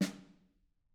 <region> pitch_keycenter=61 lokey=61 hikey=61 volume=19.737717 offset=207 lovel=55 hivel=83 seq_position=2 seq_length=2 ampeg_attack=0.004000 ampeg_release=15.000000 sample=Membranophones/Struck Membranophones/Snare Drum, Modern 2/Snare3M_HitSN_v3_rr2_Mid.wav